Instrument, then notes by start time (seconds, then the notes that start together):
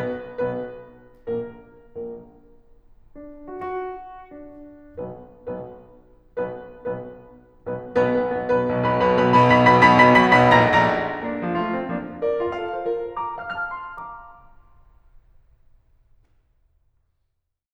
piano
0.00 B1 B2 B3 B4
0.43 B1 B2 B3 B4
1.27 A#1 A#2 A#3 A#4
1.84 A#1 A#2 A#3 A#4
3.11 D4
3.52 F#4
3.66 F#4
4.24 D4
5.01 B1 B2 B3 B4
5.39 B1 B2 B3 B4
6.05 B1 B2 B3 B4
6.38 B1 B2 B3 B4
6.91 B1 B2 B3 B4
7.19 B1 B2 B3 B4
7.48 B1 B2 B3 B4
7.73 B1 B2 B3 B4
7.94 B1 B2 B3 B4
8.09 B1 B2 B3 B4
8.28 B1 B2 B4 B5
8.52 B1 B2 B4 B5
8.73 B1 B2 B4 B5
8.95 B1 B2 B4 B5
9.15 B1 B2 B5 B6
9.34 B1 B2 B5 B6
9.55 B1 B2 B5 B6
9.72 B1 B2 B5 B6
9.95 B1 B2 B5 B6
10.14 B1 B2 B5 B6
10.40 A#1 A#2 A#5 A#6
10.68 A#1 A#2 A#5 A#6
11.24 A#3 D4
11.50 F3 F4
11.57 A3 F4
11.73 C4
11.90 F3 A#3 D4
12.23 A#4 D5
12.45 F4 F5
12.60 A4 F5
12.80 C5
12.84 F4 A#4 D5
13.19 A#5 D6
13.46 F5 F6
13.55 A5 F6
13.75 C6
14.03 F5 A#5 D6